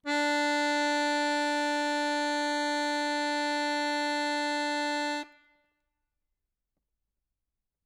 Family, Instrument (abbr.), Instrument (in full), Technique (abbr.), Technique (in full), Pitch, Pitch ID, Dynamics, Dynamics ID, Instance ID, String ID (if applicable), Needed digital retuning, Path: Keyboards, Acc, Accordion, ord, ordinario, D4, 62, ff, 4, 0, , FALSE, Keyboards/Accordion/ordinario/Acc-ord-D4-ff-N-N.wav